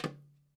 <region> pitch_keycenter=64 lokey=64 hikey=64 volume=3.333589 lovel=84 hivel=127 seq_position=2 seq_length=2 ampeg_attack=0.004000 ampeg_release=30.000000 sample=Membranophones/Struck Membranophones/Darbuka/Darbuka_5_hit_vl2_rr1.wav